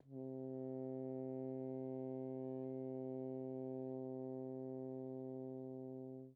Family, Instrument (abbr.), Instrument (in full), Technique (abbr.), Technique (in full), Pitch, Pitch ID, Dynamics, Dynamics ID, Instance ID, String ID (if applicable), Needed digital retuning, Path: Brass, Hn, French Horn, ord, ordinario, C3, 48, pp, 0, 0, , FALSE, Brass/Horn/ordinario/Hn-ord-C3-pp-N-N.wav